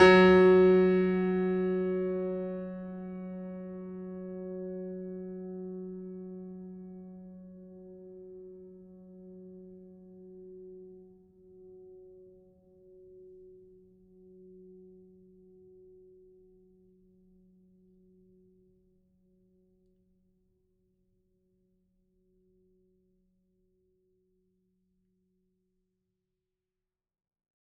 <region> pitch_keycenter=54 lokey=54 hikey=55 volume=-0.084158 lovel=100 hivel=127 locc64=65 hicc64=127 ampeg_attack=0.004000 ampeg_release=0.400000 sample=Chordophones/Zithers/Grand Piano, Steinway B/Sus/Piano_Sus_Close_F#3_vl4_rr1.wav